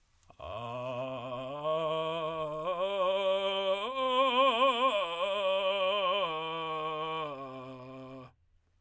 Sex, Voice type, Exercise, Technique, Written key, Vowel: male, tenor, arpeggios, vocal fry, , a